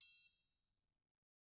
<region> pitch_keycenter=67 lokey=67 hikey=67 volume=25.404611 offset=186 lovel=0 hivel=83 seq_position=1 seq_length=2 ampeg_attack=0.004000 ampeg_release=30.000000 sample=Idiophones/Struck Idiophones/Triangles/Triangle3_HitM_v1_rr1_Mid.wav